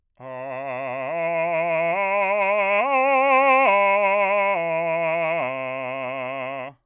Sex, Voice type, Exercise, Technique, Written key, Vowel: male, bass, arpeggios, vibrato, , a